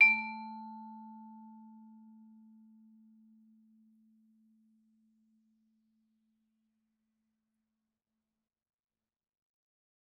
<region> pitch_keycenter=57 lokey=56 hikey=58 volume=12.651582 offset=111 lovel=0 hivel=83 ampeg_attack=0.004000 ampeg_release=15.000000 sample=Idiophones/Struck Idiophones/Vibraphone/Hard Mallets/Vibes_hard_A2_v2_rr1_Main.wav